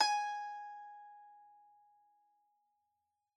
<region> pitch_keycenter=80 lokey=80 hikey=81 volume=4.987312 lovel=66 hivel=99 ampeg_attack=0.004000 ampeg_release=0.300000 sample=Chordophones/Zithers/Dan Tranh/Normal/G#4_f_1.wav